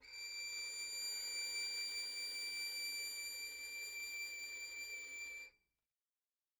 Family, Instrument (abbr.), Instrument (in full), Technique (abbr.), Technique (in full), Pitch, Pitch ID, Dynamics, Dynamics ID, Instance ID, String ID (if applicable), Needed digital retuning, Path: Strings, Vn, Violin, ord, ordinario, D7, 98, mf, 2, 0, 1, TRUE, Strings/Violin/ordinario/Vn-ord-D7-mf-1c-T22d.wav